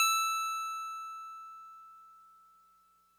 <region> pitch_keycenter=100 lokey=99 hikey=102 volume=11.452857 lovel=66 hivel=99 ampeg_attack=0.004000 ampeg_release=0.100000 sample=Electrophones/TX81Z/FM Piano/FMPiano_E6_vl2.wav